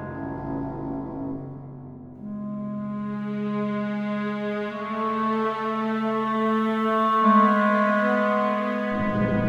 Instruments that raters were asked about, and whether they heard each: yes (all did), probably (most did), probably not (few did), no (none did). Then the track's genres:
banjo: no
cello: probably
clarinet: no
voice: no
ukulele: no
Classical; Soundtrack; Ambient; IDM; Trip-Hop